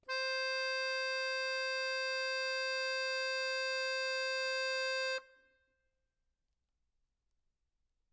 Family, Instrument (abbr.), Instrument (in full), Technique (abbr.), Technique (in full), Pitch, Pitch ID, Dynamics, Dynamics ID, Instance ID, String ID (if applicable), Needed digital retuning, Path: Keyboards, Acc, Accordion, ord, ordinario, C5, 72, mf, 2, 3, , FALSE, Keyboards/Accordion/ordinario/Acc-ord-C5-mf-alt3-N.wav